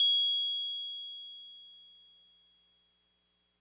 <region> pitch_keycenter=104 lokey=103 hikey=106 volume=11.873209 lovel=66 hivel=99 ampeg_attack=0.004000 ampeg_release=0.100000 sample=Electrophones/TX81Z/Piano 1/Piano 1_G#6_vl2.wav